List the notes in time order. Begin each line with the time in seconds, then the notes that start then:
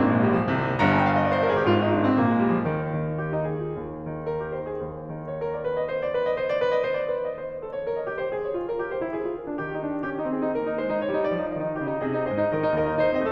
0.00 A#1 A#2 A#3
0.12 G#3
0.27 G3
0.39 F3
0.49 C2 C3 D#3
0.81 G1 G2 A#5
0.93 G#5
1.04 G5
1.14 F5
1.18 D#5
1.23 D5
1.29 C5
1.35 A#4
1.43 G#4
1.50 G4
1.56 G#1 G#2 F4
1.71 D#4
1.93 D4
2.04 C4
2.15 A#1 A#2 A#3
2.31 G#3
2.44 G3
2.54 F3
2.66 D#2 D#3
2.94 D#3
3.20 G4
3.34 D#4
3.44 G#4
3.56 F4
3.69 D#2
3.91 D#3
4.30 A#4
4.45 G4
4.56 C5
4.70 G#4
4.83 D#2
5.07 D#3
5.27 C#5
5.38 A#4
5.51 D5
5.62 B4
5.74 D#5
5.85 C5
5.97 D5
6.11 B4
6.27 D#5
6.39 C5
6.50 D5
6.59 B4
6.71 D#5
6.84 C5
7.00 D5
7.13 B4
7.23 D#5
7.37 C5
7.50 F5
7.60 G#4
7.71 C#5
7.84 A#4
7.99 D#5
8.10 G4
8.21 C5
8.30 G#4
8.46 C#5
8.59 F4
8.70 A#4
8.81 G4
8.93 C5
9.04 E4
9.18 G#4
9.29 F4
9.36 A#4
9.49 D4
9.61 D#3 G4
9.75 D#4
9.85 D4
9.97 D#4
10.07 C#4 G4
10.18 D#4
10.29 C4 G#4
10.41 D#4
10.54 A#3 A#4
10.65 D#4
10.76 G#3 C5
10.98 D#4
11.09 G3 C#5
11.20 D#4
11.31 F3 D5
11.41 D#4
11.53 D#3 D#5
11.66 D#4
11.80 C#3 G4 D#5
11.92 D#4
12.07 C3 G#4 D#5
12.20 D#4
12.29 G#2 G#4 C5 D#5
12.42 D#4
12.55 D#3 G4 A#4 D#5
12.64 D#4
12.76 D#2 G4 A#4 D#5
12.86 D#4
13.00 D#4 C5
13.10 C4 D#5
13.24 F4 A4